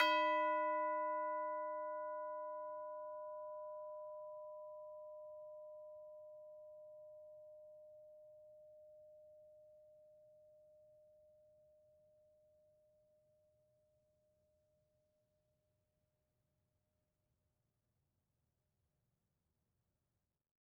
<region> pitch_keycenter=71 lokey=71 hikey=71 volume=21.724717 offset=1026 lovel=0 hivel=83 ampeg_attack=0.004000 ampeg_release=30.000000 sample=Idiophones/Struck Idiophones/Tubular Bells 2/TB_hit_B4_v2_1.wav